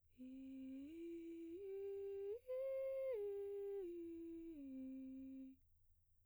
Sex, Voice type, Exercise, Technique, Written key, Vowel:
female, soprano, arpeggios, breathy, , i